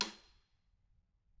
<region> pitch_keycenter=65 lokey=65 hikey=65 volume=9.862215 offset=178 seq_position=1 seq_length=2 ampeg_attack=0.004000 ampeg_release=15.000000 sample=Membranophones/Struck Membranophones/Snare Drum, Modern 1/Snare2_taps_v4_rr1_Mid.wav